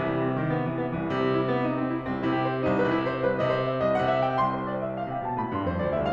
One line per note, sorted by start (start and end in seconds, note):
0.00 0.95 C3
0.00 0.13 E3
0.14 0.28 G3
0.28 0.37 C4
0.37 0.52 D#3
0.53 0.70 B3
0.70 0.86 E3
0.87 0.95 C4
0.95 1.07 C2
0.95 1.07 E3
1.07 2.03 C3
1.07 1.16 G3
1.17 1.42 C4
1.42 1.56 E4
1.57 1.70 B3
1.70 1.81 D#4
1.81 1.93 C4
1.94 2.03 E4
2.03 2.25 C2
2.03 2.25 C4
2.25 2.66 C3
2.25 2.41 E4
2.41 2.55 G4
2.55 2.66 C5
2.71 2.80 C2
2.71 2.80 D#4
2.80 3.22 C3
2.80 2.90 B4
2.90 3.05 E4
3.07 3.22 C5
3.22 3.40 C2
3.22 3.40 B4
3.41 3.80 C3
3.41 3.51 D#5
3.51 3.62 C5
3.62 3.80 E5
3.81 3.99 C2
3.81 3.99 D#5
3.99 4.43 C3
3.99 4.09 F#5
4.10 4.25 E5
4.25 4.43 G5
4.43 5.12 C2
4.43 4.53 C6
4.54 4.68 C5
4.68 4.82 D5
4.82 4.99 E5
5.00 5.12 F5
5.12 5.22 C3
5.12 5.22 G5
5.25 5.42 B2
5.25 5.42 A5
5.42 5.56 A2
5.42 5.56 B5
5.56 5.65 G2
5.56 5.65 C6
5.70 5.83 F2
5.70 5.83 C5
5.83 5.92 E2
5.83 5.92 D5
5.93 6.13 D2
5.93 6.13 E5